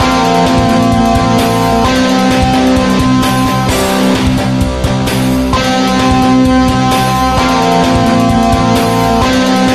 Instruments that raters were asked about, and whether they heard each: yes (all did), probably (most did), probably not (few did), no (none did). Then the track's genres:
saxophone: no
Black-Metal